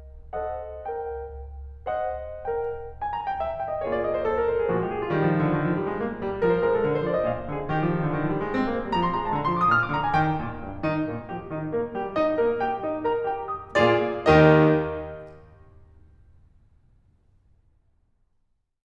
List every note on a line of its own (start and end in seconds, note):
0.39 1.00 A4
0.39 1.00 C5
0.39 1.52 D#5
0.39 1.00 F#5
1.01 1.52 A#4
1.01 1.52 G5
2.01 2.48 A4
2.01 2.48 C5
2.01 2.92 D#5
2.01 2.48 F#5
2.48 2.92 A#4
2.48 3.07 G5
3.08 3.18 G#5
3.20 3.29 A#5
3.30 3.41 G5
3.41 3.50 E5
3.50 3.59 F5
3.59 3.68 G5
3.68 3.81 D#5
3.81 4.28 A#3
3.81 4.28 F4
3.81 4.28 G#4
3.81 3.93 C#5
3.93 4.04 D5
4.04 4.16 D#5
4.16 4.28 C5
4.28 4.43 A4
4.43 4.52 A#4
4.52 4.62 C5
4.64 4.73 G#4
4.75 5.16 A#2
4.75 5.16 D3
4.75 5.16 G#3
4.75 4.86 F#4
4.86 4.96 G4
4.97 5.05 G#4
5.07 5.16 F4
5.17 5.27 D#3
5.17 5.60 G3
5.17 5.60 D#4
5.27 5.38 F3
5.38 5.48 D#3
5.48 5.60 D3
5.60 5.72 D#3
5.72 5.82 F3
5.82 5.90 G3
5.90 6.01 G#3
6.01 6.23 A#3
6.24 6.45 G3
6.47 6.66 F3
6.47 6.55 A#4
6.56 6.66 C5
6.67 6.84 G#3
6.67 6.76 A#4
6.77 6.84 A4
6.85 7.04 D3
6.85 6.94 A#4
6.94 7.04 C5
7.04 7.27 F3
7.04 7.17 D5
7.17 7.27 D#5
7.27 7.49 A#2
7.27 7.49 F5
7.49 7.72 D3
7.49 7.72 G#4
7.72 7.83 D#3
7.72 8.13 G4
7.83 7.90 F3
7.91 8.01 D#3
8.03 8.13 D3
8.13 8.20 D#3
8.21 8.32 F3
8.33 8.43 G3
8.44 8.54 G#3
8.55 8.65 C4
8.65 8.73 A#3
8.73 8.85 G#3
8.85 8.96 G3
8.96 9.18 F3
8.96 9.06 A#5
9.06 9.18 C6
9.18 9.33 G#3
9.18 9.25 A#5
9.25 9.33 A5
9.33 9.48 D3
9.33 9.42 A#5
9.42 9.48 C6
9.48 9.65 F3
9.48 9.56 D6
9.57 9.65 D#6
9.66 9.90 A#2
9.66 9.78 F6
9.79 9.90 D6
9.91 10.13 D3
9.91 10.02 A#5
10.03 10.13 G#5
10.14 10.39 D#3
10.14 10.64 G5
10.39 10.64 A#2
10.64 10.85 G2
10.85 11.03 D#3
10.85 11.03 D#4
11.03 11.24 A#2
11.03 11.24 A#3
11.24 11.46 G3
11.24 11.46 G4
11.47 11.67 D#3
11.47 11.67 D#4
11.68 11.93 A#3
11.68 11.93 A#4
11.93 12.12 G3
11.93 12.12 G4
12.12 12.36 D#4
12.12 12.36 D#5
12.36 12.62 A#3
12.36 12.62 A#4
12.62 12.84 G4
12.62 12.84 G5
12.84 13.07 D#4
12.84 13.07 D#5
13.08 13.24 A#4
13.08 13.24 A#5
13.24 13.47 G4
13.24 13.47 G5
13.47 13.78 D#5
13.47 13.78 D#6
13.78 14.27 A#2
13.78 14.27 A#3
13.78 14.27 F4
13.78 14.27 G#4
13.78 14.27 D5
14.28 17.43 D#2
14.28 17.43 D#3
14.28 17.43 D#4
14.28 17.43 G4
14.28 17.43 D#5
18.44 18.85 D#4